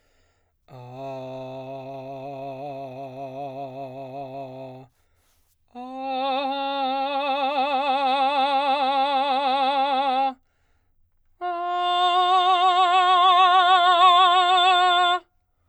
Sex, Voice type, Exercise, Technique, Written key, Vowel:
male, baritone, long tones, trill (upper semitone), , a